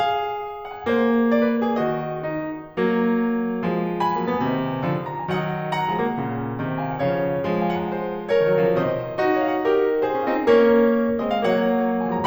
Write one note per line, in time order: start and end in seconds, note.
0.00 1.40 G#4
0.00 1.78 F5
0.59 0.74 F#5
0.75 0.86 G#5
0.86 1.78 A#3
0.86 1.30 C5
1.30 1.78 D5
1.42 1.51 B4
1.52 1.64 A#4
1.64 1.78 G#4
1.78 2.26 D#3
1.78 2.26 F#4
1.78 2.75 D#5
2.28 2.75 D#4
2.76 3.62 F#3
2.76 3.62 A#3
3.63 4.18 F3
3.63 4.18 G#3
3.98 5.07 G#5
3.98 5.07 B5
4.20 4.32 F#3
4.20 4.32 A#3
4.33 4.45 G#3
4.33 4.45 B3
4.45 4.84 C3
4.45 4.84 D#3
4.84 5.27 D3
4.84 5.27 F3
5.09 5.19 F#5
5.09 5.19 A#5
5.19 5.27 G#5
5.27 5.92 D#3
5.27 5.92 F#3
5.27 5.70 D#5
5.27 5.70 F#5
5.71 6.83 F#5
5.71 6.83 A#5
5.92 6.03 F3
5.92 6.03 G#3
6.03 6.15 F#3
6.03 6.15 A#3
6.16 6.64 A#2
6.16 6.64 C#3
6.65 7.01 C#3
6.65 7.01 F3
6.83 6.92 F5
6.83 6.92 G#5
6.93 7.01 D#5
6.93 7.01 F#5
7.04 7.43 C#3
7.04 7.43 F3
7.04 7.67 C#5
7.04 7.67 F5
7.44 8.48 F3
7.44 8.48 G#3
7.69 7.79 D#5
7.69 7.79 F#5
7.83 7.92 F5
7.83 7.92 G#5
7.92 8.29 G#4
7.92 8.29 C5
8.29 8.75 A#4
8.29 8.75 C#5
8.49 8.61 D#3
8.49 8.61 F#3
8.61 8.75 C#3
8.61 8.75 F3
8.77 9.16 C3
8.77 9.16 D#3
8.77 9.43 C5
8.77 9.43 D#5
9.17 10.25 D#4
9.17 10.25 F#4
9.43 9.56 C#5
9.43 10.25 F5
9.56 9.65 D#5
9.56 9.65 F#5
9.67 10.03 G4
9.67 10.03 A#4
10.04 10.48 A4
10.04 10.48 C5
10.25 10.36 C#4
10.25 10.36 F4
10.38 10.48 C4
10.38 10.48 D#4
10.50 11.22 A#3
10.50 11.22 C#4
10.50 11.42 A#4
10.50 11.22 C#5
11.23 11.42 G#3
11.23 11.42 C4
11.23 11.32 D#5
11.33 11.87 F5
11.42 12.06 F#3
11.42 12.06 A#3
11.42 12.26 C#5
11.42 12.06 F#5
12.07 12.26 F3
12.07 12.26 G#3
12.07 12.17 G#5
12.17 12.26 A#5